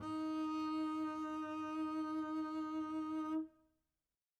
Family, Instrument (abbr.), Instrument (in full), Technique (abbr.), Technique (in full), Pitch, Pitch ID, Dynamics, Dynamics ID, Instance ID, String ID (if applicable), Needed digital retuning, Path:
Strings, Cb, Contrabass, ord, ordinario, D#4, 63, mf, 2, 0, 1, TRUE, Strings/Contrabass/ordinario/Cb-ord-D#4-mf-1c-T18u.wav